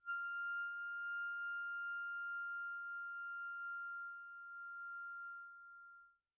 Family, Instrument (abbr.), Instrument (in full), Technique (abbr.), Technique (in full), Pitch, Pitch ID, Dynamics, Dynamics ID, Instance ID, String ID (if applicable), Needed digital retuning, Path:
Winds, ClBb, Clarinet in Bb, ord, ordinario, F6, 89, pp, 0, 0, , FALSE, Winds/Clarinet_Bb/ordinario/ClBb-ord-F6-pp-N-N.wav